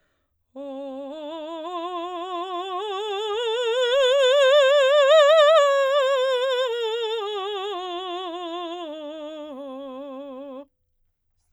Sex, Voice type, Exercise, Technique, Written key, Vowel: female, soprano, scales, slow/legato forte, C major, o